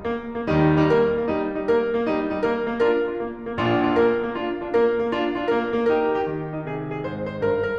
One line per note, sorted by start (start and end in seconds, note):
0.06 0.36 A#3
0.36 0.48 A#3
0.48 0.73 D#2
0.48 0.73 D#3
0.48 0.73 G3
0.48 0.73 D#4
0.73 0.88 D#4
0.88 1.14 A#3
0.88 1.14 A#4
1.15 1.25 A#3
1.25 1.47 G3
1.25 1.47 D#4
1.47 1.65 D#4
1.65 1.87 A#3
1.65 1.87 A#4
1.87 2.02 A#3
2.03 2.30 G3
2.03 2.30 D#4
2.30 2.41 D#4
2.41 2.66 A#3
2.41 2.66 A#4
2.66 2.81 A#3
2.81 3.03 D4
2.81 3.03 F4
2.81 3.03 A#4
3.03 3.13 D4
3.03 3.13 F4
3.13 3.42 A#3
3.42 3.58 A#3
3.58 3.83 A#1
3.58 3.83 A#2
3.58 3.83 D4
3.58 3.83 F4
3.84 3.94 D4
3.84 3.94 F4
3.94 4.13 A#3
3.94 4.13 A#4
4.13 4.27 A#3
4.27 4.64 D4
4.27 4.64 F4
4.64 4.75 D4
4.64 4.75 F4
4.77 5.00 A#3
4.77 5.00 A#4
5.00 5.11 A#3
5.11 5.35 D4
5.11 5.35 F4
5.35 5.48 D4
5.35 5.48 F4
5.48 5.78 A#3
5.48 5.78 A#4
5.78 5.94 A#3
5.94 6.20 D#4
5.94 6.20 G4
5.94 6.20 A#4
6.20 6.32 G4
6.32 7.69 D#3
6.32 6.54 D#4
6.55 6.69 D#4
6.69 7.04 C3
6.69 6.92 G#4
6.92 7.04 G#4
7.04 7.41 G#2
7.04 7.30 C5
7.30 7.41 C5
7.43 7.69 G2
7.43 7.69 A#4
7.69 7.79 A#4